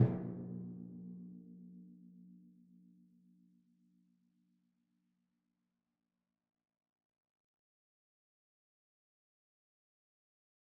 <region> pitch_keycenter=46 lokey=45 hikey=47 tune=-78 volume=20.738395 lovel=66 hivel=99 seq_position=1 seq_length=2 ampeg_attack=0.004000 ampeg_release=30.000000 sample=Membranophones/Struck Membranophones/Timpani 1/Hit/Timpani2_Hit_v3_rr1_Sum.wav